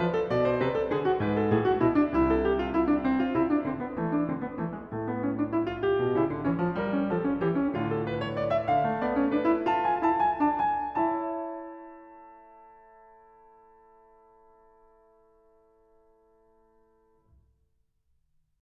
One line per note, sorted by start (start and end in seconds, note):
0.00 0.29 F3
0.00 0.13 B4
0.13 0.29 A4
0.29 0.60 B2
0.29 0.49 D5
0.49 0.60 C5
0.60 0.92 C3
0.60 0.77 B4
0.77 0.92 A4
0.92 1.20 D3
0.92 1.09 G#4
1.09 1.20 F#4
1.20 1.44 G#2
1.20 1.36 B4
1.36 1.44 A4
1.44 1.81 A2
1.44 1.63 G#4
1.63 1.81 F#4
1.81 2.14 B2
1.81 1.95 E4
1.95 2.14 D4
2.14 3.37 C2
2.14 2.32 E4
2.32 2.47 A4
2.47 2.61 G4
2.61 2.73 F4
2.73 2.88 E4
2.88 3.04 D4
3.04 3.23 C4
3.23 3.37 F4
3.37 3.65 C3
3.37 3.49 E4
3.49 3.65 D4
3.65 4.02 D3
3.65 3.83 C4
3.83 4.02 B3
4.02 4.30 E3
4.02 4.18 A3
4.18 4.30 D4
4.30 4.61 D3
4.30 4.45 C4
4.45 4.61 B3
4.61 4.96 E3
4.61 4.78 A3
4.78 4.96 G#3
4.96 8.84 A2
4.96 5.06 A3
5.06 5.26 B3
5.26 5.39 C#4
5.39 5.50 D4
5.50 5.70 E4
5.70 5.80 F4
5.80 6.16 G4
5.99 6.16 B2
6.16 6.29 C#3
6.16 6.47 E4
6.29 6.47 D3
6.47 6.59 E3
6.47 6.76 C#4
6.59 6.76 F3
6.76 7.11 G3
6.76 6.92 A#4
6.92 7.11 C#4
7.11 7.41 F3
7.11 7.22 A4
7.22 7.41 C#4
7.41 7.71 E3
7.41 7.55 G4
7.55 7.71 C#4
7.71 8.84 D3
7.71 7.85 F4
7.85 7.92 G4
7.92 8.06 A4
8.06 8.25 B4
8.25 8.41 C#5
8.41 8.63 D5
8.63 9.01 F5
8.84 16.73 A3
9.01 9.17 B3
9.01 9.30 D5
9.17 9.30 C#4
9.30 9.49 D4
9.30 10.97 B4
9.49 9.66 E4
9.66 9.96 F4
9.66 9.78 A5
9.78 9.96 G#5
9.96 10.38 E4
9.96 10.16 A5
10.16 10.38 G#5
10.38 10.97 D4
10.38 10.61 A5
10.61 10.97 G#5
10.97 16.73 E4
10.97 16.73 C#5
10.97 16.73 E5
10.97 16.73 A5